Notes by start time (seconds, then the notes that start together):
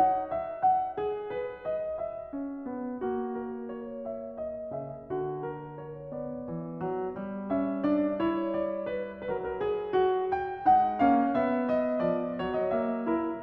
0.00 D#4 F#5
0.36 E5
0.64 F#5
1.00 G#4
1.39 B4
1.66 D#5
1.92 E5
2.39 C#4
2.68 B3
3.16 A#3 F#4
3.52 A#4
3.75 C#5
4.13 E5
4.40 D#5
4.73 C#3 E5
5.10 D3 F#4
5.50 A#4
5.87 C#5
6.11 B3 D5
6.50 E3
6.84 F#3
7.20 G3
7.52 C#4 E5
7.85 D4 D5
8.23 E4 C#5
8.58 D5
8.89 B4
9.21 F#3 A#4
9.26 B4
9.35 A#4
9.57 G#4
10.00 F#4
10.41 G5
10.74 G#3 D#4 F#5
10.98 A#3 C#4 F5
11.37 B3 E5
11.70 D#5
12.04 F3 D5
12.38 F#3 C#5
12.57 D#5
12.74 A#3 E5
13.07 E4 A#4